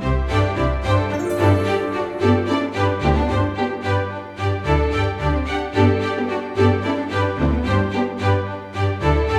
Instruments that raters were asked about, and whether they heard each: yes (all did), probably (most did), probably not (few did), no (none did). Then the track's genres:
clarinet: no
violin: yes
Electronic; Ambient; Instrumental